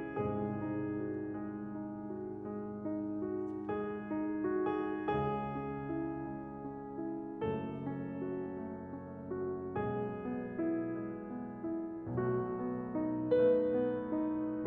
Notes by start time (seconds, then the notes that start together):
0.00 C2 G#2 C3 G#3 G#4
0.42 D#4
0.92 F#4
1.30 G#3
1.68 D#4
2.10 F#4
2.45 G#3
2.77 D#4
3.29 F#4
3.66 G#3 G#4
4.10 D#4
4.54 F#4
4.64 G#4
4.96 C#2 C#3 G#3 G#4
5.50 C#4
5.92 E4
6.25 G#3
6.61 C#4
7.00 E4
7.42 F#1 F#2 A3 A4
7.84 C#4
8.24 F#4
8.60 A3
8.99 C#4
9.39 F#4
9.75 B1 B2 G#3 G#4
10.24 B3
10.63 E4
11.04 G#3
11.35 B3
11.71 E4
12.13 B1 B2 A3 F#4
12.53 B3
12.95 D#4
13.28 A3 B4
13.70 B3
14.11 D#4